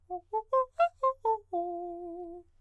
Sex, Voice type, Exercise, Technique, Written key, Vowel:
male, countertenor, arpeggios, fast/articulated piano, F major, o